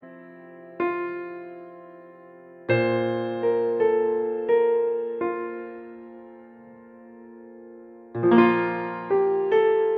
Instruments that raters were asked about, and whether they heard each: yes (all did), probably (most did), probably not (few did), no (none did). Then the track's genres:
piano: yes
Rock; Folk; Singer-Songwriter